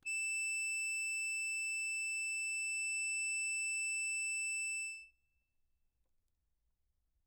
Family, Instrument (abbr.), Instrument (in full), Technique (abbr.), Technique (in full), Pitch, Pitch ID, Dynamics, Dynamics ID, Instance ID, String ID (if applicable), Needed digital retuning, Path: Keyboards, Acc, Accordion, ord, ordinario, E7, 100, mf, 2, 1, , FALSE, Keyboards/Accordion/ordinario/Acc-ord-E7-mf-alt1-N.wav